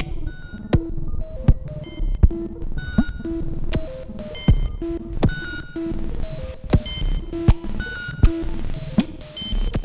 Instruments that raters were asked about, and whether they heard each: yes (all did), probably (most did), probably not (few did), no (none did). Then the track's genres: synthesizer: yes
trombone: no
bass: no
cello: no
Electronic; Experimental; Minimal Electronic